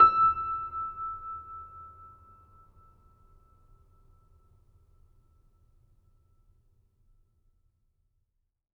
<region> pitch_keycenter=88 lokey=88 hikey=89 volume=-0.451153 lovel=0 hivel=65 locc64=65 hicc64=127 ampeg_attack=0.004000 ampeg_release=0.400000 sample=Chordophones/Zithers/Grand Piano, Steinway B/Sus/Piano_Sus_Close_E6_vl2_rr1.wav